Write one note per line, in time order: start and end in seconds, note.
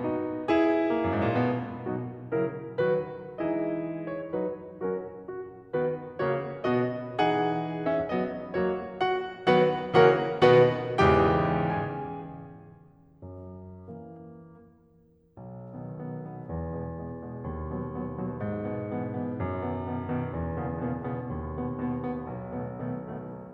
0.00 0.86 B3
0.00 0.43 D#4
0.00 0.43 F#4
0.43 1.80 E4
0.43 1.80 G#4
0.86 1.34 A#3
1.04 1.10 F#2
1.15 1.25 G#2
1.25 1.34 A#2
1.34 1.80 B2
1.34 2.80 B3
1.80 2.32 B2
1.80 2.32 F#3
1.80 2.32 D#4
1.80 2.32 F#4
2.32 2.80 C#3
2.32 2.80 F#3
2.32 2.80 E4
2.32 2.80 A#4
2.81 3.40 D#3
2.81 3.40 F#3
2.81 3.40 F#4
2.81 3.40 B4
3.41 4.41 E3
3.41 4.41 G#3
3.41 4.41 C#4
3.41 4.41 E4
3.41 4.41 G#4
3.41 4.16 D#5
4.16 4.41 C#5
4.42 4.85 F#3
4.42 4.85 C#4
4.42 4.85 F#4
4.42 4.85 B4
4.86 5.27 F#3
4.86 5.27 C#4
4.86 5.27 F#4
4.86 5.27 A#4
5.27 5.65 F#4
5.65 6.11 D#3
5.65 6.11 B3
5.65 6.11 F#4
5.65 6.11 B4
6.11 6.59 C#3
6.11 6.59 A#3
6.11 6.59 F#4
6.11 6.59 C#5
6.59 7.13 B2
6.59 7.13 B3
6.59 7.13 F#4
6.59 7.13 D#5
7.13 8.13 E3
7.13 7.84 D#4
7.13 8.13 G#4
7.13 7.84 F#5
7.84 8.13 C#4
7.84 8.13 E5
8.13 8.58 F#3
8.13 8.58 B3
8.13 8.58 F#4
8.13 8.58 D#5
8.59 8.97 F#3
8.59 8.97 A#3
8.59 8.97 F#4
8.59 8.97 C#5
8.97 9.46 F#4
8.97 9.46 F#5
9.46 9.93 D#3
9.46 9.93 F#3
9.46 9.93 B3
9.46 9.93 F#4
9.46 9.93 B4
9.46 9.93 F#5
9.96 10.41 C#3
9.96 10.41 E3
9.96 10.41 A#3
9.96 10.41 F#4
9.96 10.41 A#4
9.96 10.41 C#5
9.96 10.41 F#5
10.41 10.99 B2
10.41 10.99 D#3
10.41 10.99 B3
10.41 10.99 F#4
10.41 10.99 B4
10.41 10.99 D#5
10.41 10.99 F#5
10.99 11.75 E2
10.99 11.75 G#2
10.99 11.75 C#3
10.99 11.75 E3
10.99 11.75 G4
10.99 11.75 G5
11.75 12.24 G#4
11.75 12.24 G#5
13.24 13.91 F#2
13.92 14.40 E3
13.92 14.40 A#3
15.39 16.40 B1
15.72 15.96 B2
15.72 15.96 D#3
15.72 15.96 B3
15.98 16.17 B2
15.98 16.17 D#3
15.98 16.17 B3
16.17 16.40 B2
16.17 16.40 D#3
16.17 16.40 B3
16.44 17.44 E2
16.74 16.99 B2
16.74 16.99 G#3
16.74 16.99 B3
16.99 17.24 B2
16.99 17.24 G#3
16.99 17.24 B3
17.24 17.44 B2
17.24 17.44 G#3
17.24 17.44 B3
17.44 18.40 D#2
17.68 17.93 B2
17.68 17.93 F#3
17.68 17.93 B3
17.93 18.15 B2
17.93 18.15 F#3
17.93 18.15 B3
18.16 18.40 B2
18.16 18.40 F#3
18.16 18.40 B3
18.40 19.64 G#2
18.97 19.16 B2
18.97 19.16 E3
18.97 19.16 B3
19.16 19.39 B2
19.16 19.39 E3
19.16 19.39 B3
19.40 19.64 B2
19.40 19.64 E3
19.40 19.64 B3
19.64 20.68 F#2
19.96 20.22 B2
19.96 20.22 D#3
19.96 20.22 B3
20.22 20.47 B2
20.22 20.47 D#3
20.22 20.47 B3
20.47 20.68 B2
20.47 20.68 D#3
20.47 20.68 B3
20.69 21.58 E2
20.93 21.12 B2
20.93 21.12 C#3
20.93 21.12 A#3
20.93 21.12 B3
21.13 21.39 B2
21.13 21.39 C#3
21.13 21.39 A#3
21.13 21.39 B3
21.39 21.58 B2
21.39 21.58 C#3
21.39 21.58 A#3
21.39 21.58 B3
21.59 22.58 D#2
21.87 22.07 B2
21.87 22.07 B3
22.08 22.35 B2
22.08 22.35 B3
22.35 22.58 B2
22.35 22.58 B3
22.59 23.55 B1
22.87 23.12 B2
22.87 23.12 D#3
22.87 23.12 A3
22.87 23.12 B3
23.12 23.31 B2
23.12 23.31 D#3
23.12 23.31 A3
23.12 23.31 B3
23.32 23.55 B2
23.32 23.55 D#3
23.32 23.55 A3
23.32 23.55 B3